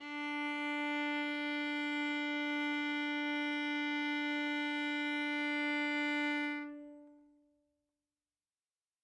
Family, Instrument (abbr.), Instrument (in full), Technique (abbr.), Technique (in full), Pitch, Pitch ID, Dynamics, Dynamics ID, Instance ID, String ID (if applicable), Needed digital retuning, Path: Strings, Va, Viola, ord, ordinario, D4, 62, ff, 4, 1, 2, FALSE, Strings/Viola/ordinario/Va-ord-D4-ff-2c-N.wav